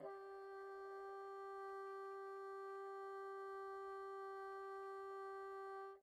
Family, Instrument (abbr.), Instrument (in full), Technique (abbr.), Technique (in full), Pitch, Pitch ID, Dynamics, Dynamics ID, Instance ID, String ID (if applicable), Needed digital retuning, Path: Winds, Bn, Bassoon, ord, ordinario, G4, 67, pp, 0, 0, , FALSE, Winds/Bassoon/ordinario/Bn-ord-G4-pp-N-N.wav